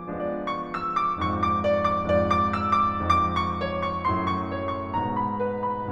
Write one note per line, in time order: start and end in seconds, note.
0.00 1.18 F3
0.00 1.18 G#3
0.00 1.18 B3
0.00 1.18 D4
0.00 0.45 D5
0.26 0.62 C#6
0.48 1.20 E6
0.67 1.37 D6
1.21 2.03 F2
1.21 2.03 G#2
1.21 2.03 F3
1.21 1.52 C#6
1.37 1.81 D6
1.63 2.02 D5
1.83 2.19 D6
2.04 3.07 F2
2.04 3.07 G#2
2.04 3.07 F3
2.04 2.51 D5
2.26 2.75 D6
2.57 3.04 E6
2.81 3.07 D6
3.08 4.08 F2
3.08 4.08 G#2
3.08 4.08 F3
3.08 3.54 D6
3.34 3.78 C#6
3.58 4.06 C#5
3.82 4.31 C#6
4.09 4.95 F#2
4.09 4.95 A2
4.09 4.95 F#3
4.09 4.49 C6
4.32 4.73 C#6
4.50 4.95 C#5
4.74 5.19 C#6
4.96 5.91 G#2
4.96 5.91 B2
4.96 5.91 G#3
4.96 5.46 A#5
5.27 5.67 B5
5.48 5.87 B4
5.71 5.92 B5